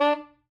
<region> pitch_keycenter=62 lokey=61 hikey=64 tune=7 volume=11.314422 lovel=0 hivel=83 ampeg_attack=0.004000 ampeg_release=2.500000 sample=Aerophones/Reed Aerophones/Saxello/Staccato/Saxello_Stcts_MainSpirit_D3_vl1_rr5.wav